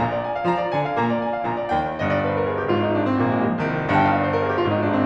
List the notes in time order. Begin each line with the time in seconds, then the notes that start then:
0.00 A#1 A#2 A#5
0.10 D5
0.19 G#5
0.29 F5
0.44 F3 F4 A#5
0.59 D5
0.72 D3 D4 G#5
0.82 F5
0.95 A#2 A#3 A#5
1.06 D5
1.17 G#5
1.29 F5
1.39 A#1 A#2 A#5
1.53 D5
1.64 D#2 D#3 G5
1.88 G1 G2 D#5
2.02 D5
2.14 C5
2.28 A#4
2.39 G#4
2.55 G4
2.68 G#1 G#2 F4
2.80 D#4
2.93 D4
3.07 C4
3.19 A#1 A#2 A#3
3.30 G#3
3.40 G3
3.53 F3
3.66 C2 C3 D#3
3.94 G1 G2 G5
4.04 F5
4.16 D#5
4.25 D5
4.33 C5
4.41 A#4
4.48 G#4
4.54 G4
4.61 G#1 G#2 F4
4.74 D#4
4.84 D4
4.96 C4